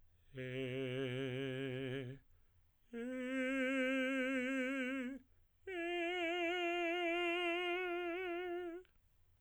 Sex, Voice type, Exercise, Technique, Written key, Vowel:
male, tenor, long tones, full voice pianissimo, , e